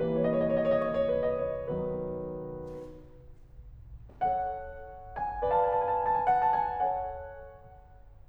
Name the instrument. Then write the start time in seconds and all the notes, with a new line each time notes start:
piano
0.00 E3 G3 A#3 B4
0.07 C#5
0.16 D#5
0.22 C#5
0.27 D#5
0.36 C#5
0.43 D#5
0.50 C#5
0.55 D#5
0.60 C#5
0.66 D#5
0.74 C#5
0.81 D#5
0.89 C#5
0.94 D#5
1.03 C#5
1.13 D#5
1.21 C#5
1.36 B4
1.50 D#5
1.60 C#5
1.73 D#3 F#3 B3 B4
4.13 A4 C#5 F#5
5.17 G#5
5.41 B4 D5 A5
5.47 G#5
5.51 A5
5.58 G#5
5.64 A5
5.69 G#5
5.74 A5
5.78 G#5
5.84 A5
5.89 G#5
5.93 A5
5.99 G#5
6.04 A5
6.10 G#5
6.16 A5
6.21 G#5
6.26 A5
6.30 G#5
6.37 F#5
6.48 A5
6.61 G#5
6.75 A4 C#5 F#5